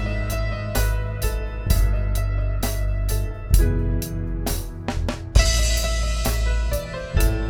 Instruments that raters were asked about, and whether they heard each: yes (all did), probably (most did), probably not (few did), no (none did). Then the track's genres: cymbals: yes
Contemporary Classical